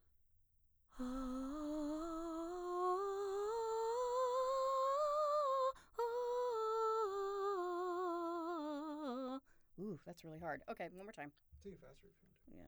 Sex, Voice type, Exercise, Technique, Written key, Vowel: female, mezzo-soprano, scales, breathy, , a